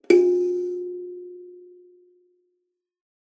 <region> pitch_keycenter=65 lokey=65 hikey=66 tune=-39 volume=3.670689 offset=4667 ampeg_attack=0.004000 ampeg_release=15.000000 sample=Idiophones/Plucked Idiophones/Kalimba, Tanzania/MBira3_pluck_Main_F3_k17_50_100_rr2.wav